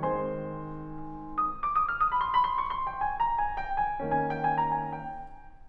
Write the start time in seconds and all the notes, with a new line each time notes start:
0.00 D#3 G#3 C4 C5 G#5 C6
1.44 D#6
1.53 D6
1.70 D#6
1.87 F6
2.08 D#6
2.19 B5
2.30 C6
2.40 B5
2.52 C6
2.64 C#6
2.74 C6
2.88 G5
3.02 G#5
3.17 A#5
3.38 G#5
3.66 G5
3.76 G#5
4.01 D#3 A#3 C#4 G#5
4.14 G5
4.25 G#5
4.52 A#5
4.62 G#5
4.82 G5